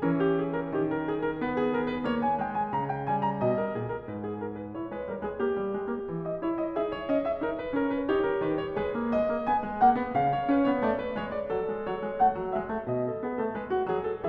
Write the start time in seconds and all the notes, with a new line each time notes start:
0.00 E3 C#4 A#4
0.21 G4
0.34 G#4
0.53 A#4
0.71 D#3 G4
0.88 A#4
1.02 G#4
1.21 A#4
1.40 B3 B4
1.58 G#4
1.74 A#4
1.88 B4
2.05 A#3 C#5
2.24 G#5
2.41 G#3 G5
2.60 G#5
2.74 C#3 A#5
2.91 G5
3.08 G3 G#5
3.29 A#5
3.41 B2 D#5
3.59 A#4
3.76 A#2 G#4
3.92 A#4
4.08 G#2 B4
4.25 G#4
4.39 A#4
4.59 B4
4.75 E4 C#5
4.92 G#3 B4
5.07 G3 A#4
5.20 G#3 G#4
5.39 A#3 G4
5.57 G3
5.72 G#3
5.87 A#3
6.06 E3
6.25 D#5
6.39 E4 C#5
6.58 D#5
6.79 D#4 G#4 E5
6.91 C#5
7.08 C#4 D#5
7.24 E5
7.41 D#4 A#4
7.53 B4
7.72 C#4 A#4
7.89 B4
8.08 D#4 G4 C#5
8.22 A#4
8.37 D#3 B4
8.57 C#5
8.78 G#3 G#4 B4
8.93 A#3
9.11 G#3 D#5
9.31 A#3
9.47 B3 G#5
9.64 G#3
9.81 A#3 F#5
9.93 B3
10.14 C#3 F5
10.29 C#5
10.46 C#4 B4
10.67 B3 C#5
10.82 A3 D5
10.97 B4
11.16 G#3 C#5
11.33 D5
11.51 F#3 A4
11.70 G#3
11.87 F#3 C#5
12.05 G#3
12.18 A3 F#5
12.36 F#3
12.55 G#3 E5
12.68 A3
12.88 B2 D#5
13.08 A4
13.22 B3 G#4
13.41 A3 A4
13.54 G#3 B4
13.69 F#4
13.86 F#3 G#4
14.06 A4